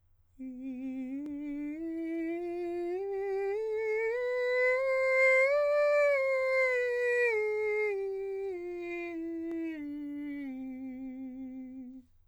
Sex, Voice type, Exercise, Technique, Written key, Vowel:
male, countertenor, scales, slow/legato piano, C major, i